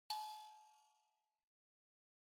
<region> pitch_keycenter=80 lokey=80 hikey=80 tune=-56 volume=22.553734 offset=4648 ampeg_attack=0.004000 ampeg_release=30.000000 sample=Idiophones/Plucked Idiophones/Mbira dzaVadzimu Nyamaropa, Zimbabwe, Low B/MBira4_pluck_Main_G#4_21_50_100_rr3.wav